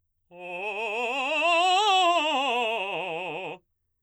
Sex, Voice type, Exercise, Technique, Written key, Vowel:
male, baritone, scales, fast/articulated forte, F major, o